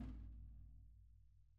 <region> pitch_keycenter=65 lokey=65 hikey=65 volume=30.272346 lovel=0 hivel=54 seq_position=2 seq_length=2 ampeg_attack=0.004000 ampeg_release=30.000000 sample=Membranophones/Struck Membranophones/Snare Drum, Rope Tension/Low/RopeSnare_low_tsn_Main_vl1_rr2.wav